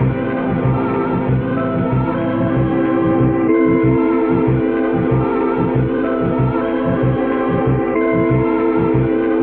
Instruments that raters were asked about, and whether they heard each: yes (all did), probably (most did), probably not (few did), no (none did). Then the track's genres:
organ: probably not
Experimental; Sound Collage; Trip-Hop